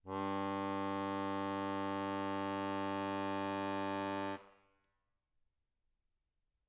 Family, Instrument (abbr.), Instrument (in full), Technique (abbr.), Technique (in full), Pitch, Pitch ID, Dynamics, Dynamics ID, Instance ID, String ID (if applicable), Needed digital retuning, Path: Keyboards, Acc, Accordion, ord, ordinario, G2, 43, mf, 2, 2, , FALSE, Keyboards/Accordion/ordinario/Acc-ord-G2-mf-alt2-N.wav